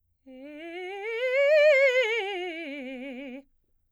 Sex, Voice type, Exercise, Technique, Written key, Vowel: female, soprano, scales, fast/articulated piano, C major, e